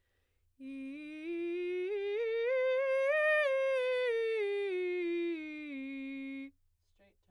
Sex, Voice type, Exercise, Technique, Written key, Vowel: female, soprano, scales, straight tone, , i